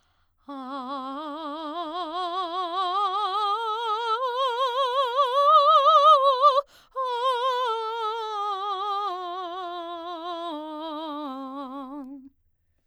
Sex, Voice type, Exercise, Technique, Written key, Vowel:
female, soprano, scales, vibrato, , a